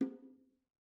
<region> pitch_keycenter=63 lokey=63 hikey=63 volume=20.928589 offset=228 lovel=66 hivel=99 seq_position=1 seq_length=2 ampeg_attack=0.004000 ampeg_release=15.000000 sample=Membranophones/Struck Membranophones/Bongos/BongoL_Hit1_v2_rr1_Mid.wav